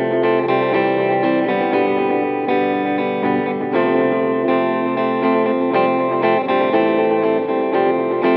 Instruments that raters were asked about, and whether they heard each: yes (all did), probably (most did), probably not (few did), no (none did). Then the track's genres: clarinet: no
saxophone: no
guitar: yes
mallet percussion: no
Pop; Folk; Indie-Rock